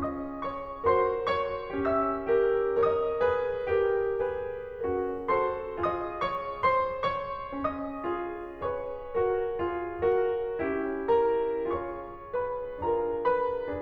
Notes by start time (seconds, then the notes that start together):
0.00 C#4 F4 G#4 D#5 D#6
0.41 C#5 C#6
0.84 F#4 A#4 C5 C6
1.29 C#5 C#6
1.76 C#4 G4 E5 E6
2.46 F#4 A#4
2.84 A#4 C#5 D#5 D#6
3.20 G#4 B4
3.81 F#4 A#4
4.26 G#4 B4
4.85 C#4 F#4 A#4
5.28 F#4 A4 C5 C6
5.71 F4 G#4 D#5 D#6
6.18 C#5 C#6
6.64 C5 C6
7.08 C#5 C#6
7.53 C#4 D#5 D#6
8.07 F4 G#4
8.61 G#4 B4 C#5 C#6
9.17 F#4 A#4
9.58 F4 G#4
10.07 F#4 A#4
10.60 C#4 E4 G4
11.15 A#4 A#5
11.66 F4 G#4 C#5 C#6
12.33 B4 B5
12.79 D4 F4 G#4 A#4 A#5
13.25 B4 B5